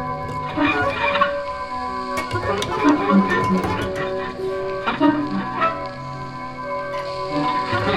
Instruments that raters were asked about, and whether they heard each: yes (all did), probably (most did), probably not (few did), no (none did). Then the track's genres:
organ: probably not
Free-Jazz; Improv